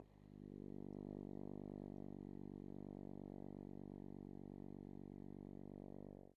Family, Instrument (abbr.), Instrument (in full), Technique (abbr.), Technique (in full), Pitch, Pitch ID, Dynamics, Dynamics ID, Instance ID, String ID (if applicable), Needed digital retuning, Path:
Brass, Hn, French Horn, ord, ordinario, G1, 31, mf, 2, 0, , TRUE, Brass/Horn/ordinario/Hn-ord-G1-mf-N-T40d.wav